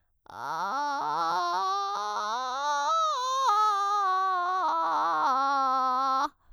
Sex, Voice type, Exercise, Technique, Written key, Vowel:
female, soprano, scales, vocal fry, , a